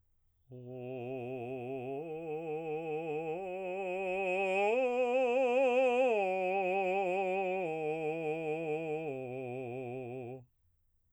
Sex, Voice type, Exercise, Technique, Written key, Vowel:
male, baritone, arpeggios, slow/legato piano, C major, o